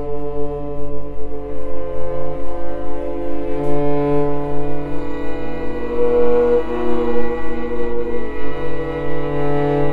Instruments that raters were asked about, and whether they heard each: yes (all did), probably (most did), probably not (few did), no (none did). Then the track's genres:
cello: probably
trumpet: no
trombone: no
clarinet: probably
Avant-Garde; Soundtrack; Experimental; Ambient; Improv; Sound Art; Instrumental